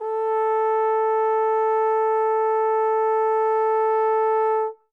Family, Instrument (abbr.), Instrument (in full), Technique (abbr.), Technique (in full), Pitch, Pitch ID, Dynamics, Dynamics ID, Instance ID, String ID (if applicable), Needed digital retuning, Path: Brass, Tbn, Trombone, ord, ordinario, A4, 69, mf, 2, 0, , FALSE, Brass/Trombone/ordinario/Tbn-ord-A4-mf-N-N.wav